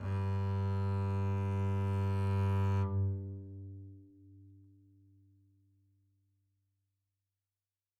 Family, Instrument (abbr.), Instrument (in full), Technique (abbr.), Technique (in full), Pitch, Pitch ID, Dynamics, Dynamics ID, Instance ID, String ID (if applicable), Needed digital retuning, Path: Strings, Cb, Contrabass, ord, ordinario, G2, 43, mf, 2, 0, 1, FALSE, Strings/Contrabass/ordinario/Cb-ord-G2-mf-1c-N.wav